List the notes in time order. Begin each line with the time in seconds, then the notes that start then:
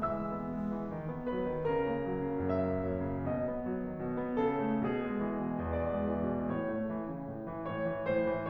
0.00 E3 G#3 E5 E6
0.22 B3
0.42 G#3
0.63 E3
0.88 D#3
1.10 B3
1.31 F#3 B4
1.53 D#3
1.73 C#3 A#4
1.89 A#3
2.09 F#3
2.26 C#3
2.45 F#2 E5
2.66 A#3
2.88 F#3
3.09 C#3
3.29 B2 D#5
3.49 B3
3.70 F#3
3.85 D#3
4.01 B2
4.19 B3
4.35 C#3 A4
4.59 A3
4.83 B2 G#4
5.07 G#3
5.28 E3
5.47 B2
5.65 E2 D5
5.90 G#3
6.08 E3
6.28 B2
6.52 A2 C#5
6.72 A3
6.91 E3
7.12 C#3
7.29 A2
7.51 E3
7.73 G#2 C#5
7.87 E3
8.08 G#2 C5
8.27 E3